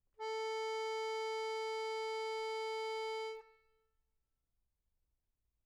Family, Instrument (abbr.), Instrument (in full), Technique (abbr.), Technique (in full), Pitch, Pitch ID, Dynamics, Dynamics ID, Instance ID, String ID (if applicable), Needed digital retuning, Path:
Keyboards, Acc, Accordion, ord, ordinario, A4, 69, mf, 2, 3, , FALSE, Keyboards/Accordion/ordinario/Acc-ord-A4-mf-alt3-N.wav